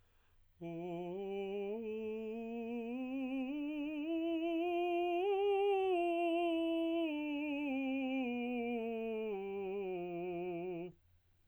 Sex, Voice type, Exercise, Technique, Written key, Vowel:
male, tenor, scales, slow/legato piano, F major, o